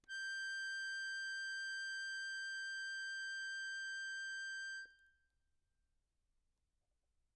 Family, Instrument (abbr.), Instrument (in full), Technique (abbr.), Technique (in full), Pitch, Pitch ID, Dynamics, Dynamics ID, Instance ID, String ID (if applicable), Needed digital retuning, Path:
Keyboards, Acc, Accordion, ord, ordinario, G6, 91, mf, 2, 3, , FALSE, Keyboards/Accordion/ordinario/Acc-ord-G6-mf-alt3-N.wav